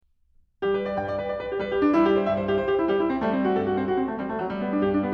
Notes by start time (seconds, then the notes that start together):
0.60 G3 G4
0.73 B4
0.85 D5
0.96 G2 G5
1.08 D5
1.17 B4
1.26 D5
1.39 B4
1.51 G4
1.60 G3 B4
1.69 G4
1.82 D4
1.95 G3 E4
2.04 G4
2.16 C5
2.29 G2 E5
2.40 C5
2.51 G4
2.60 C5
2.69 G4
2.82 G3 E4 G4
2.97 E4
3.12 C4
3.23 G3 A3
3.34 C4
3.48 F#4
3.59 G2 A4
3.66 F#4
3.78 C4
3.91 F#4
3.98 C4
4.07 A3
4.18 G3 C4
4.28 A3
4.39 F#3
4.52 G3
4.62 B3
4.71 D4
4.83 G2 G4
4.90 D4
5.03 B3